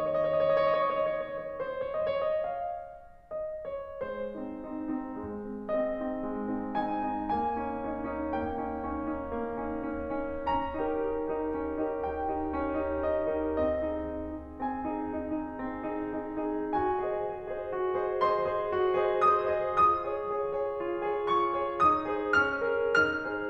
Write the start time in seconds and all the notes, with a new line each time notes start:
0.00 C#5
0.78 C5
1.04 C#5
1.93 D#5
2.07 C#5
2.31 D#5
2.47 F5
3.32 D#5
3.67 C#5
4.04 G#3 C5
4.42 C4 D#4
4.68 C4 D#4
4.92 C4 D#4
5.22 G#3
5.48 C4 D#4
5.72 C4 D#4 D#5
5.99 C4 D#4
6.29 G#3
6.52 C4 D#4
6.77 C4 D#4 G#5
7.08 C4 D#4
7.35 A#3 G#5
7.55 C#4 D#4
7.81 C#4 D#4
8.08 C#4 D#4
8.34 A#3 G5
8.59 C#4 D#4
8.85 C#4 D#4
9.10 C#4 D#4
9.35 A#3
9.66 C#4 D#4
9.95 C#4 D#4
10.25 C#4 D#4
10.51 C#4 A#5
10.73 D#4 G4 A#4
10.99 D#4 G4 A#4
11.26 D#4 G4 A#4
11.52 C#4
11.77 D#4 G4 A#4
12.03 D#4 G4 A#4 G5
12.29 D#4 G4 A#4
12.55 C#4
12.86 D#4 G4 A#4
13.17 D#4 G4 A#4 D#5
13.41 D#4 G4 A#4
13.70 C4 D#5
13.93 D#4 G#4
14.18 D#4 G#4
14.40 D#4 G#4
14.62 C4 G#5
14.92 D#4 G#4
15.19 D#4 G#4
15.38 D#4 G#4
15.60 C4
15.89 D#4 G#4
16.17 D#4 G#4
16.49 D#4 G#4
16.76 F#4 G#5
17.07 G#4 C5 D#5
17.31 G#4 C5 D#5
17.55 G#4 C5 D#5
17.75 F#4
17.96 G#4 C5 D#5
18.20 G#4 C5 D#5 C6
18.45 G#4 C5 D#5
18.72 F#4
18.97 G#4 C5 D#5
19.23 G#4 C5 D#5 D#6
19.47 G#4 C5 D#5
19.75 F4 D#6
20.04 G#4 C#5
20.33 G#4 C#5
20.61 G#4 C#5
20.83 F4
21.10 G#4 C#5
21.32 G#4 C#5 C#6
21.56 G#4 C#5
21.80 D#4 D#6
22.13 G#4 C5
22.40 C#4 F6
22.66 G#4 A#4
23.00 D#4 F6
23.23 G#4 C5